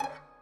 <region> pitch_keycenter=66 lokey=66 hikey=66 volume=2.000000 ampeg_attack=0.004000 ampeg_release=0.300000 sample=Chordophones/Zithers/Dan Tranh/FX/FX_30.wav